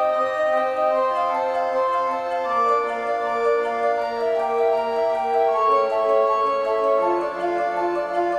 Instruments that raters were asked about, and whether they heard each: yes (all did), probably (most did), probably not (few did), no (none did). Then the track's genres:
flute: probably
organ: yes
clarinet: probably not
Classical